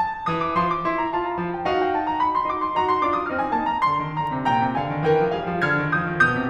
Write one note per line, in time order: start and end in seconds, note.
0.00 0.23 A4
0.24 0.51 E3
0.24 0.39 D#6
0.39 0.51 D6
0.52 1.08 F3
0.52 0.64 C6
0.64 0.78 D6
0.78 1.08 E4
0.78 0.94 C6
0.95 1.08 A#5
1.08 1.43 F4
1.08 1.28 A5
1.28 1.43 A#5
1.43 1.71 F3
1.43 1.57 A5
1.57 1.71 G5
1.74 2.48 D#4
1.74 2.48 F#4
1.74 1.85 F5
1.85 1.99 G5
1.99 2.07 A5
2.08 2.21 A#5
2.21 2.35 B5
2.36 2.48 C6
2.48 2.75 D#4
2.48 2.75 F#4
2.48 2.61 D6
2.61 2.75 C6
2.77 3.03 D#4
2.77 3.03 F#4
2.77 2.90 A#5
2.90 3.03 C6
3.05 3.30 D4
3.05 3.30 F4
3.05 3.18 D6
3.18 3.30 D#6
3.30 3.56 C4
3.30 3.56 D#4
3.30 3.42 F6
3.44 3.56 G#5
3.56 3.84 A#3
3.56 3.84 D4
3.56 3.67 A5
3.67 3.84 A#5
3.85 4.04 D3
3.85 4.20 C6
4.04 4.20 D#3
4.21 4.39 D3
4.21 4.56 A#5
4.39 4.56 C3
4.56 4.66 A#2
4.56 4.76 G5
4.56 4.76 A#5
4.67 4.76 C3
4.76 4.86 D3
4.76 5.05 F5
4.76 5.05 G#5
4.89 5.05 D#3
5.05 5.21 E3
5.05 5.34 A#4
5.05 5.34 G5
5.21 5.34 F3
5.34 5.55 G3
5.34 5.67 G#4
5.34 5.67 F5
5.55 5.67 F3
5.67 5.80 D3
5.67 5.91 F6
5.67 5.91 G#6
5.80 5.91 D#3
5.91 6.04 F3
5.91 6.14 D#6
5.91 6.14 G6
6.05 6.14 D#3
6.15 6.35 B2
6.15 6.49 D6
6.15 6.49 G6
6.35 6.49 C3